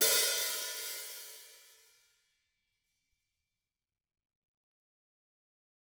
<region> pitch_keycenter=46 lokey=46 hikey=46 volume=10.895746 offset=194 seq_position=1 seq_length=2 ampeg_attack=0.004000 ampeg_release=30.000000 sample=Idiophones/Struck Idiophones/Hi-Hat Cymbal/HiHat_HitO_rr1_Mid.wav